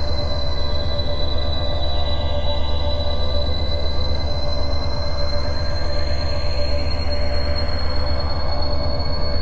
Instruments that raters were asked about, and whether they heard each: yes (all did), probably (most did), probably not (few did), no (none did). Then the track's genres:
saxophone: no
mallet percussion: no
trombone: no
Soundtrack; Ambient